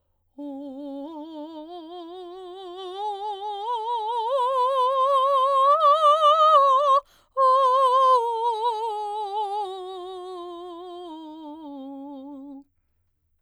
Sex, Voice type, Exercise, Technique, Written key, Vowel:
female, soprano, scales, vibrato, , o